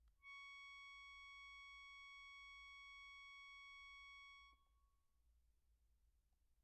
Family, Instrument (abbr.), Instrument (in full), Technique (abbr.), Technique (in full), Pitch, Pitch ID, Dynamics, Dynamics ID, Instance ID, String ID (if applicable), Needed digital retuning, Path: Keyboards, Acc, Accordion, ord, ordinario, C#6, 85, pp, 0, 0, , FALSE, Keyboards/Accordion/ordinario/Acc-ord-C#6-pp-N-N.wav